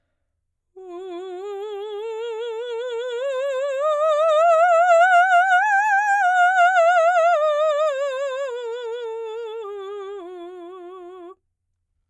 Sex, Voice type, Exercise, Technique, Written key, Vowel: female, soprano, scales, slow/legato piano, F major, u